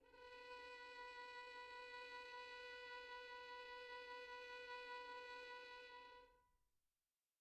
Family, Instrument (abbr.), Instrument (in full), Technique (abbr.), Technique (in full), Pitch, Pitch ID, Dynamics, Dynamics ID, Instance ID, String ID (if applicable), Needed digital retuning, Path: Strings, Vn, Violin, ord, ordinario, B4, 71, pp, 0, 2, 3, FALSE, Strings/Violin/ordinario/Vn-ord-B4-pp-3c-N.wav